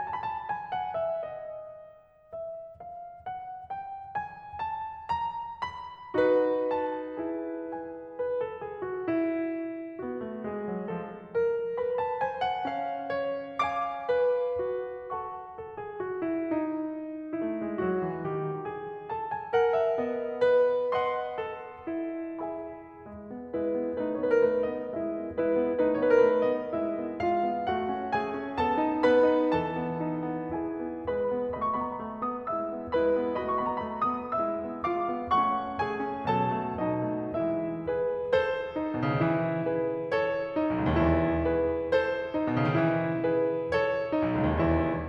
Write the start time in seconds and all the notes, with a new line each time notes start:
0.00 G#5
0.06 A5
0.15 B5
0.38 A5
0.44 G#5
0.67 F#5
0.98 E5
1.17 D#5
2.37 E5
2.95 F5
3.33 F#5
3.70 G5
4.18 G#5
4.62 A5
5.11 A#5
5.60 B5
6.16 D#4 F#4 B4
6.77 A5
7.20 E4 G#4
7.67 G#5
8.14 B4
8.42 A4
8.61 G#4
8.87 F#4
9.17 E4
10.00 B3 F#4
10.18 A3
10.39 G#3 G#4
10.63 F#3
10.90 F3 A4
11.40 A#4
11.80 B4 B5
11.99 A5
12.20 C5 G#5
12.41 F#5
12.67 C#4 F5
13.15 C#5
13.63 F5 G#5 D6
14.11 B4
14.64 F#4
15.14 A4 F#5 A5 C#6
15.57 A4
15.80 G#4
16.04 F#4
16.24 E4
16.45 D#4
17.39 A3 E4
17.60 G#3
17.79 F#3 F#4
18.00 E3
18.19 D#3 G4
18.62 G#4
19.12 A4 A5
19.33 G#5
19.54 A#4 F#5
19.70 E5
19.99 B3 D#5
20.41 B4
20.92 D#5 F#5 C6
21.39 A4
21.88 E4
22.42 G#4 E5 G#5 B5
23.03 G#3
23.31 B3
23.50 G#3 E4 B4
23.71 B3
23.95 A3 D#4 B4
24.11 B3 C#5
24.18 B4
24.26 A#4
24.32 A3 B4
24.61 B3 D#5
24.92 G#3 E4 E5
25.14 B3
25.39 G#3 E4 B4
25.59 B3
25.81 A3 D#4 B4
25.97 B3 C#5
26.06 B4
26.11 A#4
26.19 A3 B4
26.40 B3 D#5
26.73 G#3 E4 E5
26.98 B3
27.20 G#3 F4 F5
27.45 B3
27.65 A3 F#4 F#5
27.89 C#4
28.13 A3 G#4 G#5
28.34 C#4
28.58 B3 A4 A5
28.77 D#4
29.02 B3 B4 B5
29.22 D#4
29.55 E3 A4 A5
29.76 B3
30.00 D#4
30.28 B3
30.55 E4 G#4 G#5
30.78 B3
31.00 G#3 E4 B4 B5
31.21 B3
31.49 A3 F#4 D#5 B5
31.73 B3 C#6
31.80 B5
31.89 A#5
31.94 A3 B5
32.18 B3 D#6
32.46 G#3 E4 E5 E6
32.66 B3
32.91 G#3 E4 B4 B5
33.17 B3
33.38 A3 F#4 D#5 B5
33.61 B3 C#6
33.69 B5
33.76 A#5
33.85 A3 B5
34.12 B3 D#6
34.39 G#3 E4 E5 E6
34.63 B3
34.86 G#3 F4 F5 F6
35.10 B3
35.35 A3 F#4 F#5 F#6
35.58 C#4
35.81 A3 G#5 G#6
36.06 C#4
36.33 B2 F#3 A5 A6
36.61 A3
36.84 B2 F#3 D#5 D#6
37.06 A3
37.31 E3 G#3 E5 E6
37.88 E4 G#4 B4
38.32 A4 C5
38.75 D#4
38.97 B2
39.04 C#3
39.13 D#3
39.22 E3 E4
39.61 G#4 B4
40.10 A4 C#5
40.53 D#4
40.69 B1
40.76 C#2
40.88 D#2
40.96 E2 E4
41.48 G#4 B4
41.92 A4 C5
42.34 D#4
42.53 B2
42.61 C#3
42.68 D#3
42.76 E3 E4
43.21 G#4 B4
43.71 A4 C#5
44.11 D#4
44.27 B1
44.35 C#2
44.48 D#2
44.61 E2 E4